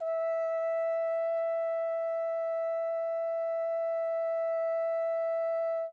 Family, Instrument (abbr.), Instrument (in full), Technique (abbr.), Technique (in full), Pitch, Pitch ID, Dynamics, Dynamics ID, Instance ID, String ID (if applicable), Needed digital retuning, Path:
Brass, Hn, French Horn, ord, ordinario, E5, 76, mf, 2, 0, , TRUE, Brass/Horn/ordinario/Hn-ord-E5-mf-N-T13u.wav